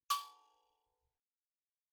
<region> pitch_keycenter=85 lokey=85 hikey=86 tune=-8 volume=20.793592 offset=4665 ampeg_attack=0.004000 ampeg_release=30.000000 sample=Idiophones/Plucked Idiophones/Mbira dzaVadzimu Nyamaropa, Zimbabwe, Low B/MBira4_pluck_Main_C#5_24_50_100_rr5.wav